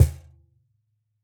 <region> pitch_keycenter=61 lokey=61 hikey=61 volume=-3.489781 lovel=100 hivel=127 seq_position=2 seq_length=2 ampeg_attack=0.004000 ampeg_release=30.000000 sample=Idiophones/Struck Idiophones/Cajon/Cajon_hit2_f_rr2.wav